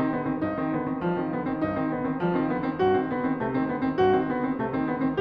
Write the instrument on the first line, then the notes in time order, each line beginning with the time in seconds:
piano
0.00 D#3 C4
0.16 D3 B3
0.28 D#3 C4
0.39 G2 D#4
0.59 D#3 C4
0.75 D3 B3
0.87 D#3 C4
1.03 F3 G3
1.18 D#3 C4
1.37 D3 B3
1.52 D#3 C4
1.64 G2 D#4
1.76 D#3 C4
1.93 D3 B3
2.09 D#3 C4
2.21 F3 G3
2.35 D#3 C4
2.51 D3 B3
2.67 D#3 C4
2.82 G2 F#4
2.95 D#3 C4
3.11 D3 B3
3.26 D#3 C4
3.42 C3 A3
3.54 D#3 C4
3.68 D3 B3
3.85 D#3 C4
3.98 G2 F#4
4.16 D#3 C4
4.32 D3 B3
4.49 D#3 C4
4.62 C3 A3
4.75 D#3 C4
4.90 D3 B3
5.04 D#3 C4